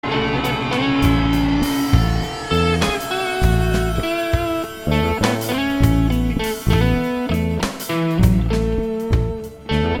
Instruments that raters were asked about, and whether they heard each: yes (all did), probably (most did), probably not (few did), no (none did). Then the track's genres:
saxophone: probably not
Jazz; Rock; Instrumental